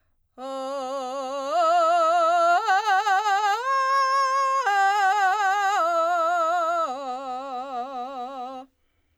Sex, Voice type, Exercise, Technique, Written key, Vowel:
female, soprano, arpeggios, belt, , o